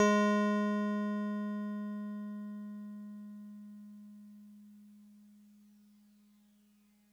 <region> pitch_keycenter=68 lokey=67 hikey=70 volume=11.692829 lovel=66 hivel=99 ampeg_attack=0.004000 ampeg_release=0.100000 sample=Electrophones/TX81Z/FM Piano/FMPiano_G#3_vl2.wav